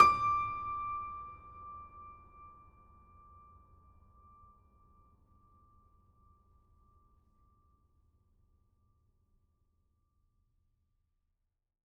<region> pitch_keycenter=86 lokey=86 hikey=87 volume=-0.628048 lovel=100 hivel=127 locc64=65 hicc64=127 ampeg_attack=0.004000 ampeg_release=0.400000 sample=Chordophones/Zithers/Grand Piano, Steinway B/Sus/Piano_Sus_Close_D6_vl4_rr1.wav